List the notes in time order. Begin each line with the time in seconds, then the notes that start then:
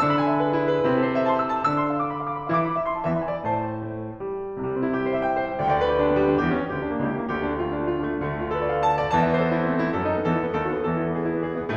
0.00 D3 D4 E6
0.08 B5
0.20 G#5
0.33 E5
0.41 B4
0.50 G#4
0.59 E4
0.67 G#4
0.79 B4
0.87 C3 C4 E4
0.96 A4
1.04 C5
1.15 E5
1.23 A5
1.31 C6
1.38 E6
1.44 C6
1.57 A5
1.71 D3 D4 E6
1.88 C6
1.97 F5
2.04 D6
2.11 B5
2.19 F5
2.28 D6
2.36 B5
2.46 F5
2.55 E3 E4 D6
2.65 B5
2.76 E5
2.86 C6
2.95 A5
3.03 E5
3.12 E2 E3 B5
3.19 G#5
3.29 D5
3.45 A2 C5 A5
3.88 A3
4.19 G3
4.57 C2 C3 G3
4.67 C4
4.84 E4
4.98 G4
5.07 C5
5.15 E5
5.25 G5
5.39 E5
5.47 C5
5.60 D2 D3 G5
5.70 D5
5.80 B4
5.94 G4
6.06 D4
6.15 B3
6.23 G3
6.30 B3
6.39 D4
6.47 E2 E3 G4
6.57 C#4
6.65 A#3
6.73 D2 D3 G4
6.83 D4
6.92 A#3
7.04 C#2 C#3 G4
7.14 E4
7.27 A3
7.37 D2 D3 G4
7.49 E4
7.59 A3
7.69 F4
7.79 D4
7.87 A3
7.95 F4
8.03 D4
8.12 A3
8.22 D2 D3 G3
8.35 D4
8.48 F4
8.56 A4
8.64 D5
8.72 F5
8.81 A5
8.93 F5
9.01 D5
9.11 E2 E3 A5
9.21 E5
9.33 C5
9.43 A4
9.51 E4
9.59 C4
9.67 A3
9.75 C4
9.82 E4
9.91 F#2 F#3 A4
10.01 D#4
10.11 B3
10.19 E2 E3 A4
10.33 E4
10.44 B3
10.54 D#2 D#3 A4
10.62 F#4
10.69 B3
10.84 E2 E3 A4
10.94 E4
11.06 B3
11.13 G#4
11.28 E4
11.39 B3
11.54 G#4
11.62 E4
11.69 B3